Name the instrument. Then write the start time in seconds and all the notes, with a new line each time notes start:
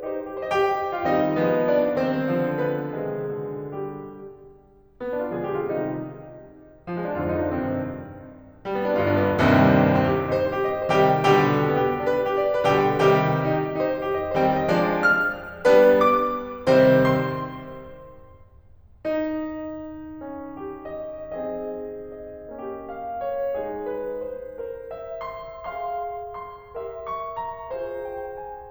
piano
0.01 C4 D#4 C5
0.34 G4
0.39 C5 D#5
0.49 G4 G5
0.93 F4 F5
1.07 D#3 G3 C4 D#4 D#5
1.37 F3 G#3 B3
1.67 D4 D5
1.94 D#3 G3 C4 C5
2.29 D3 F3
2.59 B3 B4
3.07 C3 D#3 G#3 G#4
3.37 B2 D3
3.87 G3 G4
5.04 B3
5.13 D4
5.24 F4
5.38 A#2 D3 F3 G#3 G#4
5.46 G4
5.55 F4
5.65 C3 D#3 G3 D#4
6.88 F3
6.99 G#3
7.08 C4
7.17 F2 G#2 D3 F4
7.27 D#4
7.37 D4
7.48 G2 C3 D#3 C4
8.63 G3
8.72 B3
8.86 D4
8.96 G1 G2 F4
9.07 D4
9.22 B3
9.35 C2 D#2 G2 C3 D#3 G3 C4
9.88 C4
9.95 G4
10.17 D#4
10.24 C5
10.48 G4
10.55 D#5
10.83 C5
10.91 C3 D#3 G3 G4 G5
11.22 B2 D3 G3 G4 G5
11.73 B3
11.80 G4
12.02 D4
12.09 B4
12.28 G4
12.36 D5
12.60 B4
12.70 B2 D3 G3 G4 G5
13.03 C3 D#3 G3 G4 G5
13.56 D#4
13.63 G4
13.82 D#4
13.90 C5
14.14 G4
14.21 D#5
14.45 C5
14.52 D#3 G3 C4 G5
14.72 D#5
14.79 F3 G#3 D4 D5
15.07 F6
15.69 G3 B3 D4 B4
16.08 D6
16.71 C3 D#3 G3 C4 C5
17.40 C6
19.08 D#4
20.21 C#4
20.56 G4
20.87 D#5
21.35 C4 G#4 D#5
22.23 D#5
22.59 A#3 C#4 G4
22.92 F5
23.21 C#5
23.59 G#3 D#4 G#4
23.88 B4
24.23 C5
24.60 A#4 C5
24.91 E5
25.22 C6
25.81 G#4 F5 C6
26.47 C6
26.78 G4 A#4 E5
27.05 C#6
27.38 A#5
27.74 F4 G#4 C5
28.13 G5
28.43 G#5